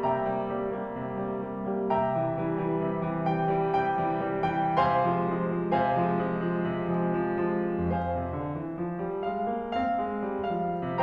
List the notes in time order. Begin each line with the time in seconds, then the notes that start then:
0.00 C3 E5 G5 A#5
0.30 G3 A#3
0.52 G3 A#3
0.74 G3 A#3
0.98 C3
1.21 G3 A#3
1.39 G3 A#3
1.67 G3 A#3
1.89 C3 E5 G5 A#5
2.12 E3 G3
2.36 E3 G3
2.57 E3 G3
2.81 C3
3.03 E3 G3
3.24 E3 G3 G5
3.48 E3 G3
3.69 C3 G5
3.99 E3 G3
4.23 E3 G3
4.47 E3 G3 G5
4.79 C3 C5 F5 G#5 C6
5.10 F3 G#3
5.34 F3 G#3
5.61 F3 G#3
5.82 C3 C5 F5 G#5
5.97 F3 G#3
6.18 F3 G#3
6.41 F3 G#3
6.65 C3
6.91 F3 G#3
7.21 F3 G#3
7.50 F3 G#3
7.85 F2 C5 F5 G#5
8.12 C3
8.34 D3
8.58 E3
8.80 F3
9.04 G3
9.31 G#3 F5
9.57 A#3
9.83 C4 F5
10.07 G#3
10.40 G3
10.74 F3 F5